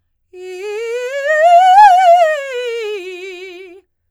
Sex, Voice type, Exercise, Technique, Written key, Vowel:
female, soprano, scales, fast/articulated forte, F major, i